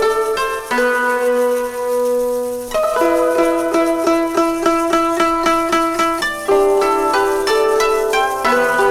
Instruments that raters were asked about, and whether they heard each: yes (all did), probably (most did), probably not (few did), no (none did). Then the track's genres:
flute: no
mandolin: probably not
clarinet: probably not
ukulele: no
banjo: yes
Electronic; Hip-Hop; Dubstep